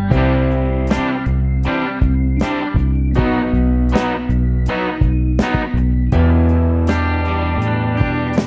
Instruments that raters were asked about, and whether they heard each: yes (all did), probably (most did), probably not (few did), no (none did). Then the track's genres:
guitar: probably
Rock; Americana